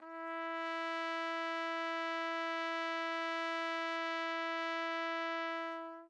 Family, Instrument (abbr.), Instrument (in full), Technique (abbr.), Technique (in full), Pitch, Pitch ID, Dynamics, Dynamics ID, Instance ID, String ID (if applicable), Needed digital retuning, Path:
Brass, TpC, Trumpet in C, ord, ordinario, E4, 64, mf, 2, 0, , TRUE, Brass/Trumpet_C/ordinario/TpC-ord-E4-mf-N-T11u.wav